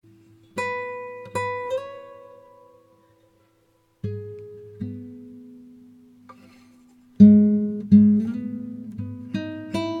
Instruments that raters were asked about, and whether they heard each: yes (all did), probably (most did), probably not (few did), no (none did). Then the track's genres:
ukulele: yes
mandolin: probably
Classical; Folk; Instrumental